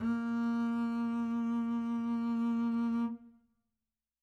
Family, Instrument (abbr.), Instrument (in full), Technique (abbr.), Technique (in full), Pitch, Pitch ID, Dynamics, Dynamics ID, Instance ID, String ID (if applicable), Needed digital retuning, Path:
Strings, Cb, Contrabass, ord, ordinario, A#3, 58, mf, 2, 1, 2, FALSE, Strings/Contrabass/ordinario/Cb-ord-A#3-mf-2c-N.wav